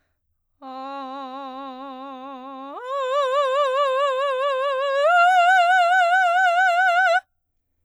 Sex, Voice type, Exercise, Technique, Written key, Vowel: female, soprano, long tones, full voice forte, , a